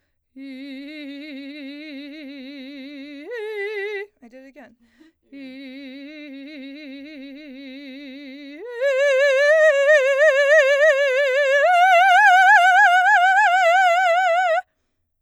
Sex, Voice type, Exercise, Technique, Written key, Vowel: female, soprano, long tones, trill (upper semitone), , i